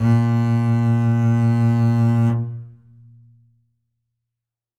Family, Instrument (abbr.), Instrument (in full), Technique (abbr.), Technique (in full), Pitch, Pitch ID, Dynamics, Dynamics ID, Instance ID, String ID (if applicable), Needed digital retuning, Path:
Strings, Cb, Contrabass, ord, ordinario, A#2, 46, ff, 4, 1, 2, TRUE, Strings/Contrabass/ordinario/Cb-ord-A#2-ff-2c-T14u.wav